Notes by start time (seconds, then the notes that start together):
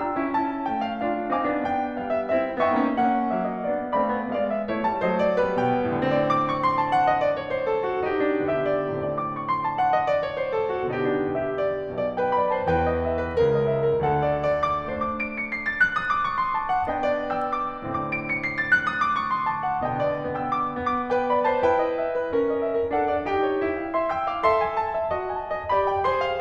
0.00 D4 F4 G5 A#5 E6
0.17 C#4 E4
0.34 C#4 E4 A5
0.66 A3 C#4 G5
0.85 F5
1.03 D4 F4 F5
1.31 C4 D#4 F5 G#5 D6
1.44 B3 D4
1.61 B3 D4 G5
1.97 G3 B3 F5
2.10 E5
2.31 C4 E4 E5
2.64 B3 D4 E5 G5 C#6
2.82 A#3 C#4
3.00 A#3 C#4 F#5
3.31 F#3 A#3 E5
3.46 D#5
3.65 B3 D4 D5
3.95 A3 C4 D5 F5 B5
4.18 G#3 B3
4.38 F5
4.50 E5
4.68 A3 E4 C#5
4.82 G3 A5
4.97 F#3 A3 C5 D#5
5.11 D5
5.27 G3 B3 B4
5.54 B2 G5
5.86 A2 D3 C4 D5
6.06 D6
6.23 C#6
6.56 C6
6.79 A5
6.94 F#5
7.09 D#5
7.24 D5
7.40 C#5
7.53 C5
7.69 A4
7.88 F#4
8.09 B2 D3 B3 D#4 G4
8.28 D4
8.45 G4 E5
8.64 D5
8.92 A2 D3 C4 D5
9.08 D6
9.28 C#6
9.46 C6
9.65 A5
9.79 F#5
9.93 D#5
10.08 D5
10.22 C#5
10.41 C5
10.60 A4
10.75 F#4
10.90 G4
10.96 B2 D3 B3 D#4
11.11 D4
11.39 G4 E5
11.64 D5
11.91 B1 B2 D5
12.18 B4 G5
12.36 D5 B5
12.55 C5 A5
12.68 E2 E3 B4 G5
12.85 D#5
13.01 E5
13.18 B4
13.36 C#2 C#3 A#4
13.50 D#5
13.71 E5
13.93 A#4
14.06 D2 D3 A4 F#5
14.25 C#5
14.52 D5
14.74 D6
14.90 A3 D4 C5 D6
15.05 D7
15.23 C#7
15.39 C7
15.53 A6
15.66 F#6
15.93 D#6
16.09 D6
16.25 C#6
16.39 C6
16.58 A5
16.75 F#5
16.87 B3 D4 B4 D#5 G5
17.04 D5
17.36 G5 E6
17.62 D6
17.77 A2 D3 C4 D6
17.95 D7
18.16 C#7
18.30 C7
18.43 A6
18.56 F#6
18.74 D#6
18.88 D6
19.04 C#6
19.33 C6
19.50 A5
19.70 F#5
19.84 B2 D3 B3 D#5 G5
20.04 D5
20.22 B3 G5 E6
20.46 D6
20.76 B3 D6
21.08 B4 G5
21.27 D5 B5
21.46 C5 A5
21.63 E4 B4 G5
21.78 D#5
21.94 E5
22.13 B4
22.30 C#4 A#4
22.43 D#5
22.59 E5
22.74 A#4
22.92 D4 A4 F#5
23.08 D5
23.28 D#4 G4 G5
23.53 C5
23.72 F4 G5
23.92 E5 C6
24.11 G5 E6
24.29 F5 D6
24.44 A4 E5 C6
24.61 G#5
24.78 A5
24.90 E5
25.12 F#4 D#5
25.29 G#5
25.40 A5
25.54 E5
25.69 G4 D5 B5
25.88 G5
26.03 G#4 C5 C6
26.22 F5